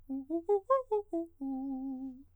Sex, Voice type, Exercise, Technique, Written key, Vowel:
male, countertenor, arpeggios, fast/articulated piano, C major, u